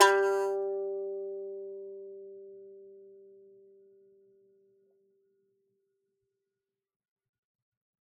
<region> pitch_keycenter=55 lokey=55 hikey=56 volume=-5.225824 lovel=100 hivel=127 ampeg_attack=0.004000 ampeg_release=15.000000 sample=Chordophones/Composite Chordophones/Strumstick/Finger/Strumstick_Finger_Str1_Main_G2_vl3_rr1.wav